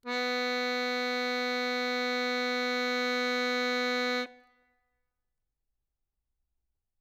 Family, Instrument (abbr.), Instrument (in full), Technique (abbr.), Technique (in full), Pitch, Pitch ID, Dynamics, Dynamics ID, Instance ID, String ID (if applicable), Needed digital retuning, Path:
Keyboards, Acc, Accordion, ord, ordinario, B3, 59, ff, 4, 1, , FALSE, Keyboards/Accordion/ordinario/Acc-ord-B3-ff-alt1-N.wav